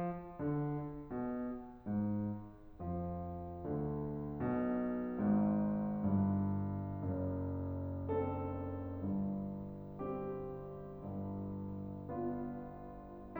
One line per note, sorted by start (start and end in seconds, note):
0.42 0.77 D3
1.15 1.45 B2
1.88 2.22 G#2
2.82 3.62 F2
2.82 3.62 F3
3.63 4.31 D2
3.63 4.31 D3
4.32 5.03 B1
4.32 5.03 B2
5.04 6.01 G#1
5.04 6.01 G#2
6.03 6.99 G1
6.03 6.99 G2
7.00 9.02 F#1
7.00 9.02 F#2
8.06 9.02 C4
8.06 9.02 D4
8.06 9.02 A4
9.03 11.03 G1
9.03 11.03 G2
10.14 11.03 C4
10.14 11.03 D4
10.14 11.03 G4
11.04 13.39 G1
11.04 13.39 G2
12.07 13.39 B3
12.07 13.39 D4
12.07 13.39 F4